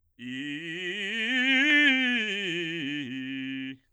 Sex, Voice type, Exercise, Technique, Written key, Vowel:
male, bass, scales, fast/articulated forte, C major, i